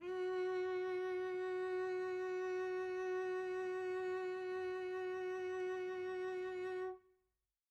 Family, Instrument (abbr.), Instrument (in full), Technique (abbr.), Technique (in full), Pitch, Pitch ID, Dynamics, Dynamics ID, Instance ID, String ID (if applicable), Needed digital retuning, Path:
Strings, Vc, Cello, ord, ordinario, F#4, 66, pp, 0, 1, 2, FALSE, Strings/Violoncello/ordinario/Vc-ord-F#4-pp-2c-N.wav